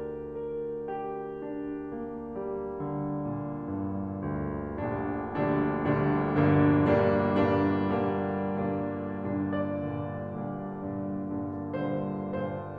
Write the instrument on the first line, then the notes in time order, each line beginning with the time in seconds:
piano
0.00 D2 D3 D4 G4 A#4 D5
0.49 A#4
1.00 G4
1.47 D4
1.90 A#3
2.37 G3
2.79 D3
3.29 A#2
3.70 G2
4.24 D2
4.82 A#1 D2 A#2 D3 G3 D4
5.29 A#1 D2 A#2 D3 G3 D4
5.89 A#1 D2 A#2 D3 G3 D4
6.39 G1 D2 G2 D3 G3 D4
6.86 G2 A#2 D3 G3 D4
7.48 G2 A#2 D3 G3 D4
8.06 G2 A#2 D3 G3 D4
8.64 G2 A#2 D3 G3 D4
9.24 G2 A#2 D3 D4
9.57 D5
9.90 G2 A#2 D3
10.34 G2 A#2 D3
10.86 G2 A#2 D3
11.32 G2 A#2 D3
11.77 G2 A#2 D3 C5
12.28 G2 A#2 D3